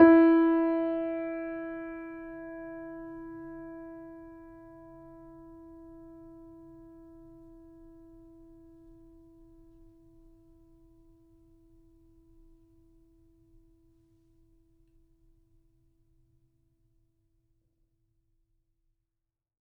<region> pitch_keycenter=64 lokey=64 hikey=65 volume=-0.438797 lovel=66 hivel=99 locc64=0 hicc64=64 ampeg_attack=0.004000 ampeg_release=0.400000 sample=Chordophones/Zithers/Grand Piano, Steinway B/NoSus/Piano_NoSus_Close_E4_vl3_rr1.wav